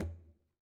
<region> pitch_keycenter=60 lokey=60 hikey=60 volume=25.866947 lovel=0 hivel=83 seq_position=1 seq_length=2 ampeg_attack=0.004000 ampeg_release=15.000000 sample=Membranophones/Struck Membranophones/Conga/Conga_HitFM_v1_rr1_Sum.wav